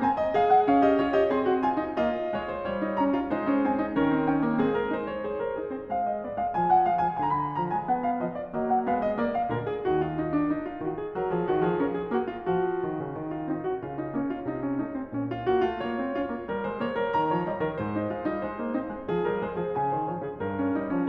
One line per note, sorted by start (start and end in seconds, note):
0.00 0.36 C4
0.00 0.20 G#5
0.20 0.36 D#5
0.36 0.66 G#3
0.36 0.84 G#4
0.36 0.51 F5
0.51 0.66 F#5
0.66 1.34 C#4
0.66 0.84 F5
0.84 0.96 G4
0.84 0.96 D#5
0.96 1.15 F4
0.96 1.15 C#5
1.15 1.34 G4
1.15 1.34 D#5
1.34 1.97 C4
1.34 1.50 G#4
1.34 1.65 C6
1.50 1.65 F#4
1.65 1.79 F4
1.65 1.97 G#5
1.79 1.97 D#4
1.97 2.33 A#3
1.97 2.80 F4
1.97 2.33 D#5
2.33 2.66 G#3
2.33 2.51 C#5
2.51 2.66 C5
2.66 3.31 G3
2.66 2.98 C#5
2.80 2.98 D#4
2.98 3.17 C#4
2.98 3.31 A#5
3.17 3.31 F4
3.31 3.98 G#3
3.31 3.49 D#4
3.31 3.66 C5
3.49 3.66 C#4
3.66 3.82 C4
3.66 3.98 G#5
3.82 3.98 D#4
3.98 4.60 D#3
3.98 4.16 C#4
3.98 4.30 A#4
4.16 4.30 C4
4.30 4.45 C#4
4.30 4.60 G5
4.45 4.60 A#3
4.60 5.19 G#3
4.60 4.95 C4
4.60 4.77 G#4
4.77 4.95 A#4
4.95 5.19 D#4
4.95 5.06 C5
5.06 5.19 C#5
5.19 5.56 G#4
5.19 5.38 C5
5.38 5.56 A#4
5.56 5.74 D#4
5.56 5.74 G#4
5.74 5.91 C4
5.74 5.91 C5
5.91 6.56 G#3
5.91 6.07 F5
6.07 6.21 D#5
6.21 6.39 B3
6.21 6.39 D5
6.39 6.56 G#3
6.39 6.56 F5
6.56 7.19 F3
6.56 6.73 G#5
6.73 6.91 F#5
6.91 7.07 G#3
6.91 7.07 F5
7.07 7.21 F3
7.07 7.21 G#5
7.21 7.91 D3
7.21 7.27 B5
7.27 7.31 A#5
7.27 7.55 B5
7.55 7.71 F3
7.55 7.71 A#5
7.71 7.91 G#3
7.71 7.91 G#5
7.91 8.56 B3
7.91 8.07 F#5
8.07 8.24 F5
8.24 8.56 F3
8.24 8.39 D#5
8.39 8.56 D5
8.56 8.89 F#3
8.56 8.89 A#3
8.56 8.73 D#5
8.73 8.89 F#5
8.89 9.17 G#3
8.89 9.17 B3
8.89 9.04 F5
9.04 9.17 D#5
9.17 9.49 A#3
9.17 9.35 D5
9.35 9.49 F5
9.49 9.82 A#2
9.49 9.82 D3
9.49 9.65 A#4
9.65 9.82 G#4
9.82 10.55 D#2
9.82 10.55 D#3
9.82 10.03 F#4
10.03 10.21 F4
10.21 10.39 D#4
10.39 10.55 D4
10.55 10.66 D#4
10.66 10.82 F4
10.82 11.22 D#3
10.82 11.02 F#4
11.02 11.22 G#4
11.22 11.35 F#3
11.22 11.35 A#4
11.35 11.51 F3
11.35 11.51 G#4
11.51 11.68 D#3
11.51 11.68 F#4
11.68 11.80 F3
11.68 11.80 G#4
11.80 12.11 C#4
11.80 11.92 A#4
11.92 12.11 G#4
12.11 12.47 A#3
12.11 12.29 F#4
12.29 12.47 F4
12.47 12.82 F3
12.47 13.35 F#4
12.82 13.01 D#3
13.01 13.18 C#3
13.18 13.49 D#3
13.35 13.49 F4
13.49 13.82 C4
13.49 13.64 D#4
13.64 13.82 F#4
13.82 14.14 C#3
13.82 14.00 F4
14.00 14.14 D#4
14.14 14.49 A#3
14.14 14.29 C#4
14.29 14.49 F4
14.49 14.79 C3
14.49 14.63 D#4
14.63 14.79 C#4
14.79 15.08 A3
14.79 14.93 D#4
14.93 15.08 C4
15.08 15.46 A#2
15.08 15.28 C#4
15.28 15.46 F4
15.46 15.65 A#3
15.46 15.65 F#4
15.65 15.80 A3
15.65 15.80 F4
15.80 15.96 A#3
15.80 16.65 C#5
15.96 16.14 C4
16.14 16.30 C#4
16.14 16.47 F4
16.30 16.47 A#3
16.47 16.65 G3
16.47 17.29 A#4
16.65 16.81 G#3
16.65 16.81 C5
16.81 16.97 A#3
16.81 16.97 C#5
16.97 17.17 G3
16.97 17.17 A#4
17.17 17.29 D#3
17.17 17.96 A#5
17.29 17.46 F3
17.29 17.46 C#5
17.46 17.61 G3
17.46 17.61 D#5
17.61 17.79 D#3
17.61 17.79 A#4
17.79 18.12 G#2
17.79 18.12 C5
17.96 18.12 D#4
18.12 18.26 G#3
18.12 18.26 F4
18.26 18.41 G3
18.26 18.41 D#4
18.41 18.59 G#3
18.41 19.25 C5
18.59 18.75 A#3
18.75 18.91 C4
18.75 19.09 D#4
18.91 19.09 G#3
19.09 19.25 F3
19.09 19.92 G#4
19.25 19.44 G3
19.25 19.44 A#4
19.44 19.60 G#3
19.44 19.60 C5
19.60 19.76 F3
19.60 19.76 G#4
19.76 19.92 C#3
19.76 20.61 G#5
19.92 20.10 D#3
19.92 20.10 C5
20.10 20.24 F3
20.10 20.24 C#5
20.24 20.43 C#3
20.24 20.43 G#4
20.43 20.75 G2
20.43 20.75 A#4
20.61 20.75 C#4
20.75 20.91 G3
20.75 20.91 D#4
20.91 21.10 F3
20.91 21.10 C#4